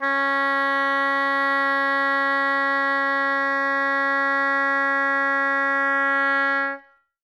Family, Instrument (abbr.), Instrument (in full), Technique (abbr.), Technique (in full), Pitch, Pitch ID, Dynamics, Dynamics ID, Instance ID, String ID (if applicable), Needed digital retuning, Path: Winds, Ob, Oboe, ord, ordinario, C#4, 61, ff, 4, 0, , FALSE, Winds/Oboe/ordinario/Ob-ord-C#4-ff-N-N.wav